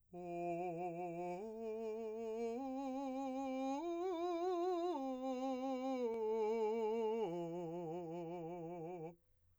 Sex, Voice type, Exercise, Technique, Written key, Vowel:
male, , arpeggios, slow/legato piano, F major, o